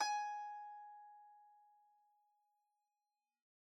<region> pitch_keycenter=80 lokey=80 hikey=81 volume=10.929110 lovel=0 hivel=65 ampeg_attack=0.004000 ampeg_release=0.300000 sample=Chordophones/Zithers/Dan Tranh/Normal/G#4_mf_1.wav